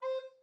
<region> pitch_keycenter=72 lokey=72 hikey=73 tune=2 volume=18.260920 offset=590 ampeg_attack=0.004000 ampeg_release=10.000000 sample=Aerophones/Edge-blown Aerophones/Baroque Alto Recorder/Staccato/AltRecorder_Stac_C4_rr1_Main.wav